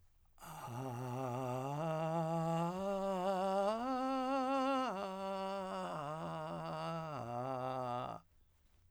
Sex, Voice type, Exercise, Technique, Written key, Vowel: male, , arpeggios, vocal fry, , a